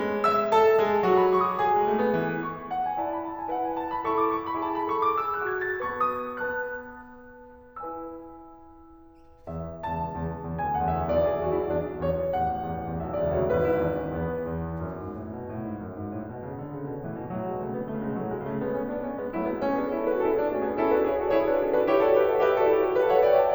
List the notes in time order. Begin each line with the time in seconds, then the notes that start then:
0.00 G#3
0.27 E5 E6
0.53 A4 A5
0.77 G#3 G#4
1.06 F#3 F#4
1.17 B5
1.30 C#6
1.45 D6
1.61 G#4 G#5
1.83 G#3
1.93 A3
2.03 B3
2.16 E3
2.41 C#6
2.68 F#5
2.86 G#5
3.01 E4 D5 A5
3.22 B5
3.32 A5
3.42 G#5
3.53 E4 B4 F#5
3.66 G#5
3.76 A5
3.97 B5
4.12 E4 A4 C#6
4.26 D6
4.38 C#6
4.48 B5
4.62 E4 G#4 A5
4.78 B5
4.90 A4 C#6
5.00 D6
5.13 G#4 E6
5.39 F#6
5.55 F#4 G#6
5.70 A6
5.90 B3 B4 A5 C#6
6.23 D#6
6.50 B3 B4 A5 F#6
7.87 E4 B4 G#5 E6
9.50 E2 E5
9.87 C#2 E2 A5
10.19 E2
10.47 E2
10.66 D2 G#5
10.80 E2 A4 F#5
11.06 F#2 E5
11.18 B1 E2 D5
11.35 G#4
11.56 E2 F#4
11.69 E4
11.81 E2 D4
12.04 E2 C#5
12.38 A1 E2 F#5
12.68 E2
12.93 E2
13.06 B1 E5
13.17 C#2 E2 F#4 D5
13.31 D2 C#5
13.51 G#1 E2 B4
13.70 E4
13.94 E2 D4
14.09 C#4
14.26 E2 B3
14.54 E2
14.76 F#2
15.01 G#2
15.14 A2
15.30 B2
15.48 A2
15.66 G#2
15.80 F#2
15.96 G#2
16.21 A2
16.36 B2
16.49 C#3
16.58 D3
16.74 C#3
16.90 B2
17.02 A2 E3
17.14 B2
17.32 A2 F#3
17.47 B2 G#3
17.62 C#3 A3
17.74 D3 B3
17.84 C#3 A3
18.05 B2 G#3
18.22 A2 F#3
18.31 B2 G#3
18.43 C#3 A3
18.58 G#3 B3
18.73 A3 C#4
18.85 B3 D4
19.02 A3 C#4
19.18 G#3 B3
19.33 F#3 A3 E4
19.45 G#3 B3
19.61 A3 C#4 F#4
19.77 B3 D4 G#4
19.92 C#4 E4 A4
20.09 D4 F#4 B4
20.22 C#4 E4 A4
20.36 B3 D4 G#4
20.51 A3 C#4 F#4
20.67 B3 D4 G#4
20.79 C#4 E4 A4
20.91 D4 F#4 B4
21.05 E4 G#4 C#5
21.19 F#4 A4 D5
21.34 E4 G#4 C#5
21.51 D4 F#4 B4
21.63 C#4 E4 A4
21.76 D4 F#4 B4
21.86 E4 G4 C#5
22.01 F#4 A4 D5
22.20 G4 B4 E5
22.29 A4 C#5 F#5
22.42 G4 B4 E5
22.53 F#4 A4 D5
22.69 E4 G4 C#5
22.87 F#4 A4 D5
23.06 G4 B4 E5
23.19 A4 C#5 F#5
23.31 B4 D5 G5